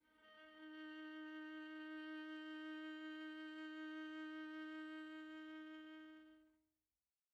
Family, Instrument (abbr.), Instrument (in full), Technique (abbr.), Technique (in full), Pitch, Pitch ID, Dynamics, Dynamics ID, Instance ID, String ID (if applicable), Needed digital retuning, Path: Strings, Va, Viola, ord, ordinario, D#4, 63, pp, 0, 1, 2, FALSE, Strings/Viola/ordinario/Va-ord-D#4-pp-2c-N.wav